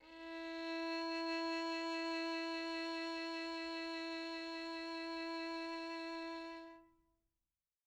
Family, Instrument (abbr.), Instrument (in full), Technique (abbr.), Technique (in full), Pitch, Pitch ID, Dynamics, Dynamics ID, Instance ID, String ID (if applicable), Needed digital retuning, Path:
Strings, Vn, Violin, ord, ordinario, E4, 64, mf, 2, 2, 3, FALSE, Strings/Violin/ordinario/Vn-ord-E4-mf-3c-N.wav